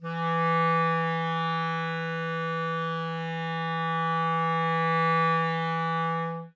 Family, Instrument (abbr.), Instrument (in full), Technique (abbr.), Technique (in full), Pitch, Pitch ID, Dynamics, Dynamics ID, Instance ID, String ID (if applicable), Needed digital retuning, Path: Winds, ClBb, Clarinet in Bb, ord, ordinario, E3, 52, ff, 4, 0, , TRUE, Winds/Clarinet_Bb/ordinario/ClBb-ord-E3-ff-N-T20u.wav